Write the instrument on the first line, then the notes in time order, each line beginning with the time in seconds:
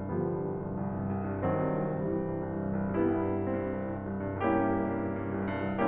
piano
0.00 G2 D3 F3 G3 B3
0.19 C2
0.31 G2
0.45 C2
0.63 G2
0.78 C2
1.00 G2
1.16 C2
1.29 G2
1.49 C2 D#3 F#3 C4
1.66 G2
1.85 C2
2.02 G2 E3 G3
2.22 C2
2.37 G2
2.50 C2
2.66 G2
2.82 C2
2.97 G2 G3 B3 E4
3.19 C2
3.37 G2
3.52 C2 C4
3.65 G2
3.75 C2
3.87 G2
4.03 C2
4.24 G2
4.42 C2 A#3 C#4 E4 G4
4.55 G2
4.70 C2
4.82 G2
4.97 C2
5.15 G2
5.31 C2
5.51 G2
5.70 C2